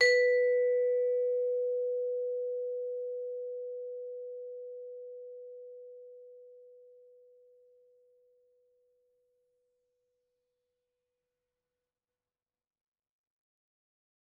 <region> pitch_keycenter=71 lokey=70 hikey=72 volume=7.867626 offset=111 lovel=84 hivel=127 ampeg_attack=0.004000 ampeg_release=15.000000 sample=Idiophones/Struck Idiophones/Vibraphone/Hard Mallets/Vibes_hard_B3_v3_rr1_Main.wav